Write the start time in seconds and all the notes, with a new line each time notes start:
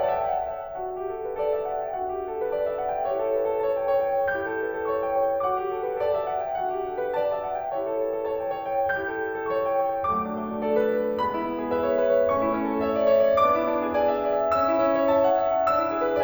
0.01 C#5 E5 A5
0.13 D5 F#5 A5
0.29 E5 G5
0.45 D5 F#5 A5
0.59 C#5 E5
0.78 D4 F#4 F#5 A5
0.94 G4
1.14 A4
1.24 B4
1.37 A4 D5 A5
1.53 E5
1.74 F#5
1.90 G5
2.04 D4 F#4 F#5
2.16 G4
2.30 A4
2.43 B4
2.53 A4 D5 A5
2.69 E5
2.82 F#5
2.93 G5
3.04 E4 G4 C#5
3.15 A4
3.29 B4
3.46 A4
3.63 C#5 A5
3.81 G5
3.99 C#5
4.20 G5
4.34 E4 G4 G6
4.47 A4
4.62 B4
4.75 A4
4.92 C#5 C#6
5.04 G5
5.15 C#5
5.29 G5
5.40 D4 F#4 F#5 D6
5.50 G4
5.63 A4
5.85 B4
6.01 A4 D5 A5
6.16 E5
6.27 F#5
6.51 G5
6.64 D4 F#4 F#5
6.77 G4
6.90 A4
7.05 B4
7.17 A4 D5 A5
7.33 E5
7.49 F#5
7.64 G5
7.76 E4 G4 C#5
7.89 A4
8.05 B4
8.15 A4
8.31 C#5 A5
8.46 G5
8.57 C#5
8.77 G5
8.95 E4 G4 G6
9.13 A4
9.29 B4
9.39 A4
9.52 C#5 C#6
9.67 G5
9.83 C#5
9.95 G5
10.12 F#3 A3 D6
10.26 D4
10.38 A3
10.53 D4
10.68 F#4 A4 D5
10.81 B4
10.95 A4
11.06 B4
11.19 G#3 B3 B5
11.28 F#4
11.42 B3
11.58 E4
11.74 G#4 B4 E5
11.94 C#5
12.10 B4
12.23 C#5
12.33 A3 C#4 C#6
12.49 E4
12.60 C#4
12.75 E4
12.88 A4 C#5 E5
13.03 D5
13.21 C#5
13.33 D5
13.48 B3 D4 D6
13.60 E4
13.71 D4
13.83 E4
13.94 B4 D5 G#5
14.09 E5
14.25 D5
14.43 E5
14.58 C#4 E6
14.72 E4
14.84 C#4
14.97 E4
15.10 C#5 E5 A5
15.33 F#5
15.50 E5
15.60 F#5
15.74 D4 E6
15.87 E4
16.00 G#4
16.13 B4